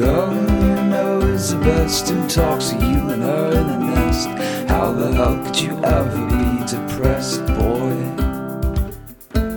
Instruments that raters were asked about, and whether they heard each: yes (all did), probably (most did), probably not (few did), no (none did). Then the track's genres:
ukulele: probably
Country; Psych-Folk